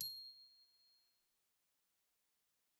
<region> pitch_keycenter=96 lokey=95 hikey=97 volume=26.288723 offset=101 xfin_lovel=0 xfin_hivel=83 xfout_lovel=84 xfout_hivel=127 ampeg_attack=0.004000 ampeg_release=15.000000 sample=Idiophones/Struck Idiophones/Glockenspiel/glock_medium_C7_01.wav